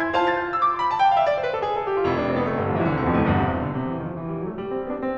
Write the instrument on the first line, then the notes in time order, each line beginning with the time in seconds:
piano
0.00 C6
0.07 G#6
0.13 F4 C5 F5 A5
0.22 A6
0.29 G6
0.41 F6
0.51 E6
0.62 D6
0.67 C6
0.77 B5
0.86 A5
0.94 G5
1.03 F5
1.14 E5
1.27 D5
1.36 C5
1.43 B4
1.53 A4
1.63 G#4
1.72 A4
1.82 G4
1.97 F4
2.08 F1 E4
2.18 D4
2.24 C4
2.35 B3
2.48 A3
2.58 G1 G3
2.67 A1 F3
2.76 B1 E3
2.87 C2 D3
2.97 D2 C3
3.09 E2 B2
3.20 F2 A2
3.31 G1 C2 E2 G2
3.40 C3
3.54 B2
3.65 D3
3.73 C3
3.82 E3
3.92 D#3
4.03 F3
4.13 E3
4.25 G3
4.37 F#3
4.46 A3
4.56 G3
4.66 C4
4.76 B3
4.93 D4
5.05 C4